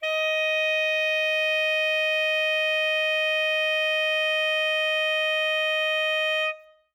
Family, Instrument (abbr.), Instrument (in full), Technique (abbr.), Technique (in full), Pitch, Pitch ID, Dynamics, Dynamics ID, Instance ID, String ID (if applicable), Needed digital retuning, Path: Winds, ASax, Alto Saxophone, ord, ordinario, D#5, 75, ff, 4, 0, , FALSE, Winds/Sax_Alto/ordinario/ASax-ord-D#5-ff-N-N.wav